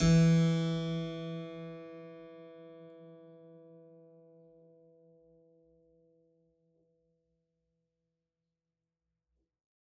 <region> pitch_keycenter=52 lokey=52 hikey=53 volume=-2.236344 trigger=attack ampeg_attack=0.004000 ampeg_release=0.400000 amp_veltrack=0 sample=Chordophones/Zithers/Harpsichord, French/Sustains/Harpsi2_Normal_E2_rr1_Main.wav